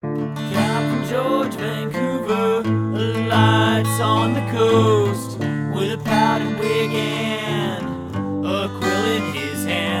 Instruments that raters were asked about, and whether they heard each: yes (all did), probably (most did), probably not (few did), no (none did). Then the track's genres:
ukulele: probably not
synthesizer: no
Punk